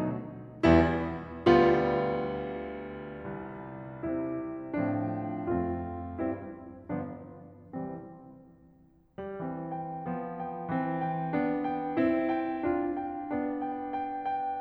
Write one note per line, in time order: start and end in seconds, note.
0.00 0.35 B2
0.00 0.35 F#3
0.00 0.35 A3
0.00 0.35 D#4
0.70 1.14 E2
0.70 1.14 G3
0.70 1.14 B3
0.70 1.14 E4
1.60 3.20 D2
1.60 3.20 D3
1.60 3.96 G3
1.60 3.96 B3
1.60 3.96 F4
3.20 3.96 C2
3.97 4.70 C3
3.97 4.70 G3
3.97 4.70 C4
3.97 4.70 E4
4.71 5.40 A2
4.71 5.40 F3
4.71 5.40 C4
4.71 5.40 D4
5.40 6.08 F2
5.40 6.08 A3
5.40 6.08 C4
5.40 6.08 F4
6.10 6.49 G2
6.10 6.49 G3
6.10 6.49 C4
6.10 6.49 E4
6.90 7.28 G1
6.90 7.28 F3
6.90 7.28 B3
6.90 7.28 D4
7.71 8.12 C2
7.71 8.12 E3
7.71 8.12 G3
7.71 8.12 C4
9.21 9.42 G3
9.43 10.08 E3
9.43 10.08 C4
9.71 10.40 G5
10.08 10.69 F3
10.08 10.69 B3
10.40 11.02 G5
10.70 11.35 E3
10.70 11.35 C4
11.03 11.73 G5
11.35 12.00 B3
11.35 12.00 D4
11.73 12.34 G5
12.02 12.68 C4
12.02 12.68 E4
12.34 12.98 G5
12.71 13.32 D4
12.71 13.32 F4
12.99 13.69 G5
13.33 14.62 B3
13.33 14.62 D4
13.69 14.01 G5
14.02 14.28 G5
14.30 14.62 G5